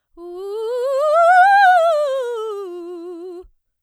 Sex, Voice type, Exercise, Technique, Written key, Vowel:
female, soprano, scales, fast/articulated piano, F major, u